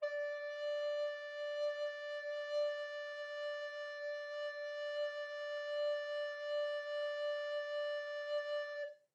<region> pitch_keycenter=74 lokey=74 hikey=75 volume=20.070692 offset=579 ampeg_attack=0.004000 ampeg_release=0.300000 sample=Aerophones/Edge-blown Aerophones/Baroque Alto Recorder/Sustain/AltRecorder_Sus_D4_rr1_Main.wav